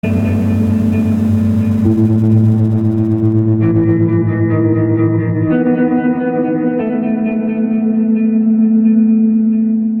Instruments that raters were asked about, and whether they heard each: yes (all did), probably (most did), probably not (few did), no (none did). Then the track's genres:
guitar: yes
Industrial; Ambient; Instrumental